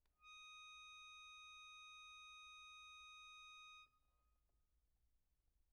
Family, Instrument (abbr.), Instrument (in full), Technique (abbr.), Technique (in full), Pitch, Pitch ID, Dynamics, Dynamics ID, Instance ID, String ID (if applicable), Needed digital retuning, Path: Keyboards, Acc, Accordion, ord, ordinario, D#6, 87, pp, 0, 0, , FALSE, Keyboards/Accordion/ordinario/Acc-ord-D#6-pp-N-N.wav